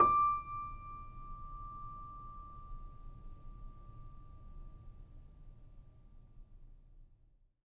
<region> pitch_keycenter=86 lokey=86 hikey=87 volume=1.776365 lovel=0 hivel=65 locc64=0 hicc64=64 ampeg_attack=0.004000 ampeg_release=0.400000 sample=Chordophones/Zithers/Grand Piano, Steinway B/NoSus/Piano_NoSus_Close_D6_vl2_rr1.wav